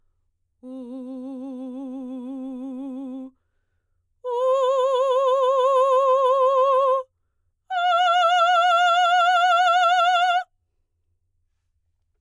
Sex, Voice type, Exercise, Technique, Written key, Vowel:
female, soprano, long tones, full voice forte, , u